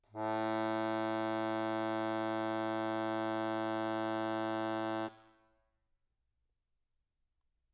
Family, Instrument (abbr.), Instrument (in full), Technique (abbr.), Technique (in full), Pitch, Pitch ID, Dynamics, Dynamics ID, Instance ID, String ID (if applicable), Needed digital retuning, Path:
Keyboards, Acc, Accordion, ord, ordinario, A2, 45, mf, 2, 1, , FALSE, Keyboards/Accordion/ordinario/Acc-ord-A2-mf-alt1-N.wav